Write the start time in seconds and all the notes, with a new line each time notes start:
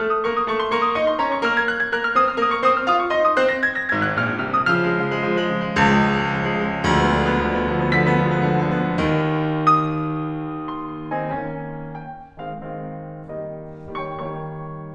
0.01 A3 A4 F6
0.12 D#6
0.26 A#3 A#4 C#6
0.35 D#6
0.47 A3 A4 C#6
0.59 C6
0.70 A#3 A#4 C#6
0.82 D#6
0.96 D#4 D#5 C#6
1.06 C6
1.21 C#4 C#5 A#5
1.31 C#6
1.40 A#3 A#4 F6
1.53 G#6
1.68 F#6
1.79 G#6
1.91 A#3 A#4 F#6
2.04 F6
2.15 C4 C5 D#6
2.25 F6
2.37 A#3 A#4 D#6
2.49 C#6
2.61 C4 C5 D#6
2.77 F6
2.89 F4 F5 D#6
3.01 C#6
3.14 D#4 D#5 C6
3.27 D#6
3.37 C4 C5 F#6
3.51 A#6
3.64 G#6
3.79 A#6
3.92 G#1 G#2 G#6
4.07 F#6
4.23 A#1 A#2 F6
4.37 F#6
4.49 C2 C3 F6
4.60 D#6
4.73 C#3 F3 F6
4.87 G#3
5.00 C#3 F3
5.20 G#3
5.32 C#3 F3
5.43 G#3
5.54 C#3 F3
5.66 G#3
5.78 C#2 C#3 F3
5.92 G#3
6.04 C#3 F3
6.16 G#3
6.29 C#3 F3
6.39 G#3
6.54 C#3 F3
6.68 G#3
6.83 D2 D3 F3 G#3
6.96 B3
7.10 D3 F3 G#3
7.23 B3
7.34 D3 F3 G#3
7.48 B3
7.60 D3 F3 G#3
7.70 B3
7.83 D3 F3 G#3 B6
7.95 B3
8.10 D3 F3 G#3
8.24 B3
8.36 D3 F3 G#3
8.49 B3
8.63 D3 F3 G#3
8.78 B3
8.97 D#2
9.65 D#6
10.78 C6
11.23 D#3 C4 D#4
11.40 D#3 A#3 C#4
11.96 G5
12.37 D#3 G#3 C4 F5
12.54 D#3 G#3 C4 F5
13.24 D#3 G3 A#3 D#5
13.91 G3 A#3 C#5 G5 C#6
14.15 D#3 G3 A#3 C#5 G5 C#6